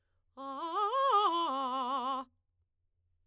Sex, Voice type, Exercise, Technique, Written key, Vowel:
female, soprano, arpeggios, fast/articulated forte, C major, a